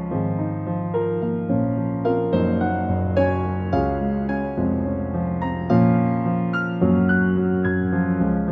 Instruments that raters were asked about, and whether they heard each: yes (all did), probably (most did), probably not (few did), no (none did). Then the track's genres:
piano: yes
Contemporary Classical; Instrumental